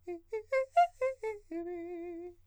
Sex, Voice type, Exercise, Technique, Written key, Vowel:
male, countertenor, arpeggios, fast/articulated piano, F major, e